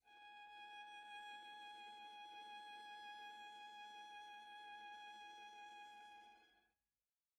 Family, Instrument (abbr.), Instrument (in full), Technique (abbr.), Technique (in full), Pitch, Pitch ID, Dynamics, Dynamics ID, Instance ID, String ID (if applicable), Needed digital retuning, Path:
Strings, Va, Viola, ord, ordinario, G#5, 80, pp, 0, 1, 2, FALSE, Strings/Viola/ordinario/Va-ord-G#5-pp-2c-N.wav